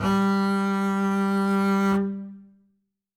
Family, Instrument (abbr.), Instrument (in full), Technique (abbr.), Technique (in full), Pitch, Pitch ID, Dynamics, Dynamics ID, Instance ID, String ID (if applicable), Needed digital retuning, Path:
Strings, Cb, Contrabass, ord, ordinario, G3, 55, ff, 4, 0, 1, FALSE, Strings/Contrabass/ordinario/Cb-ord-G3-ff-1c-N.wav